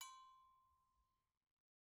<region> pitch_keycenter=61 lokey=61 hikey=61 volume=21.735236 offset=200 lovel=0 hivel=83 ampeg_attack=0.004000 ampeg_release=15.000000 sample=Idiophones/Struck Idiophones/Agogo Bells/Agogo_Low_v1_rr1_Mid.wav